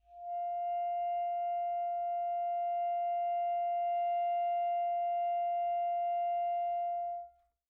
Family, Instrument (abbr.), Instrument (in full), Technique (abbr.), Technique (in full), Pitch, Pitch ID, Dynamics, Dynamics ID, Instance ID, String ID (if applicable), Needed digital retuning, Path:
Winds, ASax, Alto Saxophone, ord, ordinario, F5, 77, pp, 0, 0, , FALSE, Winds/Sax_Alto/ordinario/ASax-ord-F5-pp-N-N.wav